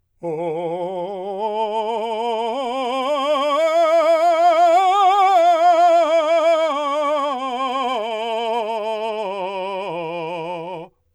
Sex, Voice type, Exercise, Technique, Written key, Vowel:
male, , scales, slow/legato forte, F major, o